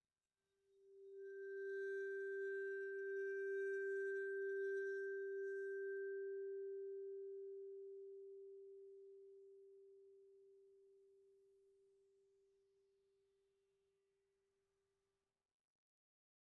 <region> pitch_keycenter=67 lokey=66 hikey=70 volume=23.137105 offset=30973 ampeg_attack=0.004000 ampeg_release=5.000000 sample=Idiophones/Struck Idiophones/Vibraphone/Bowed/Vibes_bowed_G3_rr1_Main.wav